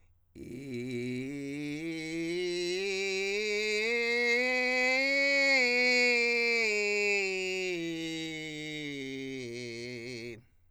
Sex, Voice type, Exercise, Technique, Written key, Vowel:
male, countertenor, scales, vocal fry, , i